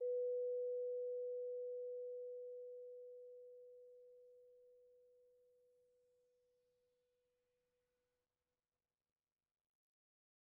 <region> pitch_keycenter=71 lokey=70 hikey=72 volume=24.016899 offset=93 lovel=0 hivel=83 ampeg_attack=0.004000 ampeg_release=15.000000 sample=Idiophones/Struck Idiophones/Vibraphone/Soft Mallets/Vibes_soft_B3_v1_rr1_Main.wav